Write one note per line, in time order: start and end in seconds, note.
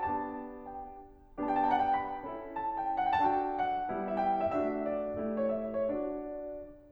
0.01 0.73 B3
0.01 0.73 D4
0.01 0.73 G4
0.01 0.38 A5
0.39 0.73 G5
1.45 2.28 B3
1.45 2.28 D4
1.45 2.28 G4
1.45 1.70 G5
1.64 1.80 A5
1.71 1.93 F#5
1.80 1.93 G5
1.95 2.57 B5
2.29 3.05 C#4
2.29 3.05 E4
2.29 3.05 A4
2.58 2.83 A5
2.84 3.05 G5
3.05 3.90 D4
3.05 3.90 F#4
3.05 3.90 A4
3.05 3.20 F#5
3.13 3.30 G5
3.20 3.42 A5
3.31 3.42 G5
3.42 4.13 F#5
3.90 4.49 G3
3.90 4.49 B3
3.90 4.49 E4
4.13 4.20 E5
4.21 4.45 G5
4.45 4.49 E5
4.49 5.18 A3
4.49 5.18 D4
4.49 5.18 F#4
4.49 4.78 E5
4.79 5.40 D5
5.18 5.89 A3
5.18 5.89 E4
5.18 5.89 G4
5.41 5.54 C#5
5.54 5.79 E5
5.80 5.89 C#5
5.89 6.44 D4
5.89 6.44 F#4
5.89 6.44 D5